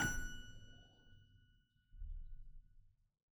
<region> pitch_keycenter=78 lokey=78 hikey=79 volume=2.881215 trigger=attack ampeg_attack=0.004000 ampeg_release=0.40000 amp_veltrack=0 sample=Chordophones/Zithers/Harpsichord, Flemish/Sustains/High/Harpsi_High_Far_F#5_rr1.wav